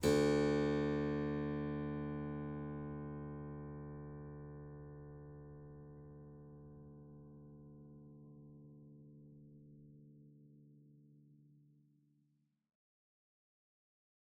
<region> pitch_keycenter=38 lokey=38 hikey=39 volume=-0.380202 offset=44 trigger=attack ampeg_attack=0.004000 ampeg_release=0.350000 amp_veltrack=0 sample=Chordophones/Zithers/Harpsichord, English/Sustains/Normal/ZuckermannKitHarpsi_Normal_Sus_D1_rr1.wav